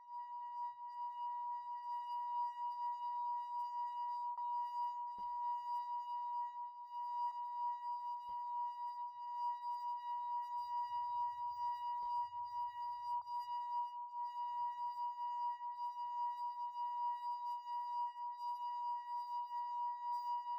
<region> pitch_keycenter=82 lokey=81 hikey=84 tune=-54 volume=30.163499 trigger=attack ampeg_attack=0.004000 ampeg_release=0.500000 sample=Idiophones/Friction Idiophones/Wine Glasses/Sustains/Fast/glass3_A#4_Fast_1_Main.wav